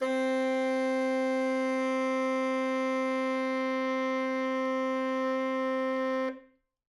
<region> pitch_keycenter=60 lokey=60 hikey=61 volume=13.353727 lovel=84 hivel=127 ampeg_attack=0.004000 ampeg_release=0.500000 sample=Aerophones/Reed Aerophones/Tenor Saxophone/Non-Vibrato/Tenor_NV_Main_C3_vl3_rr1.wav